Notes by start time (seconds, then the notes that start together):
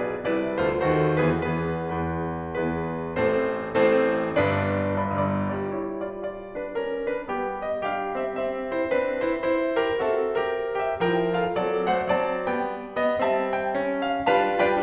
0.01 G#4 B4 D5
0.20 C2 C3 E4 B4 D5
0.60 D2 D3 F4 A4 C5
0.84 D#2 D#3 F#4 A4 C5
1.25 E2 E3 B3 G#4 B4
1.48 E2 E3 B3 G#4 B4
1.88 E2 E3 B3 G#4 B4
2.44 E2 E3 B3 G#4 B4
3.08 A1 A2 C4 A4 C5
3.77 A1 A2 C4 A4 C5
4.36 G1 G2 D4 B4 D5
4.99 G1 G2 D5 B5 D6
5.18 G1 G2 D5 B5 D6
5.54 F4 D5
5.76 G3 E4 C#5
6.11 F4 D5
6.26 F4 D5
6.59 D4 B4
6.75 C#4 A#4
7.17 D4 B4
7.29 B3 G4
7.63 D#5
7.85 G3 D4 G4 F5
8.20 C4 E5
8.40 C4 E5
8.75 E4 C5
8.86 C4 D4 B4
9.27 E4 C5
9.48 C5
9.83 G4 A#4
10.01 C4 F#4 A4 E5
10.34 G4 A#4
10.48 A#4
10.84 G4 E5
11.00 F3 E4 A#4 G5
11.33 F4 A4 F5
11.53 F#3 C4 A4 D5
11.89 A3 C5 F#5
12.13 F#3 C4 D5 A5
12.51 G3 B3 G5
13.04 B3 D#5
13.21 G3 C4 E5 A5
13.55 G5
13.75 C#4
14.07 D4 F5
14.26 G3 D4 F4 B4 F5 A5
14.61 G3 D4 F4 B4 D5 G5